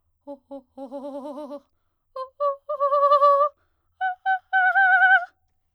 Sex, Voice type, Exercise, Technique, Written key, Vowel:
female, soprano, long tones, trillo (goat tone), , o